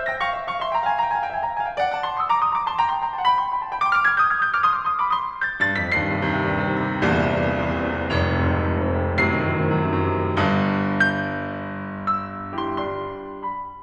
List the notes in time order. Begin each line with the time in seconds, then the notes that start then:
0.00 E5 G6
0.12 G5 A#6
0.24 F5 C#6
0.39 E5 C6
0.51 F5 C#6
0.65 E5 C6
0.77 G5 A#5
0.89 F5 G#5
1.01 G5 A#5
1.14 F5 G#5
1.24 E5 G5
1.35 F5 G#5
1.47 G5 A#5
1.58 F5 G#5
1.70 D#5 G5
1.79 D5 F#5
1.92 F#5 A5
2.04 A5 C6
2.16 C6 D#6
2.31 A#5 D6
2.44 C6 D#6
2.54 A#5 D6
2.66 A5 C6
2.79 G5 A#5
2.91 A5 C6
3.02 G5 A#5
3.13 F#5 A5
3.27 G5 B5
3.39 A5 C6
3.53 G5 B5
3.65 F#5 A5
3.74 G5 B5
3.87 B5 D6
3.96 D6 F6
4.09 F6 G#6
4.20 D#6 G6
4.32 F6 G#6
4.40 D#6 G6
4.48 D6 F6
4.61 C6 D#6
4.71 D6 F6
4.83 C6 D#6
4.95 B5 D6
5.07 C6 D#6
5.20 D6 F6
5.27 C6 D#6
5.33 B5 D6
5.43 C6 D#6
5.55 G6
5.67 G2 A6
5.82 F2 B6
5.94 D#2 G2 C7
6.07 C3
6.20 D#2 G2
6.30 C3
6.41 D#2 G2
6.55 C3
6.65 D#2 G2
6.77 C3
6.90 C2 E2 G2 A#2
7.00 C3
7.14 E2 G2 A#2
7.33 C3
7.48 E2 G2 A#2
7.63 C3
7.77 E2 G2 A#2
7.88 C3
8.03 F1 F2 G#2
8.17 C3
8.29 F2 G#2
8.44 C3
8.59 F2 G#2
8.71 C3
8.86 F2 G#2
8.99 C3
9.17 F#2 A2 C3 D#7
9.35 D#3
9.49 F#2 A2 C3
9.65 D#3
9.78 F#2 A2 C3
9.90 D#3
10.05 F#2 A2 C3
10.22 D#3
10.37 G1 G2
10.87 G6
12.16 E6
12.59 G3 E4 G4 C6
12.77 G3 D4 F4 C6
13.44 B5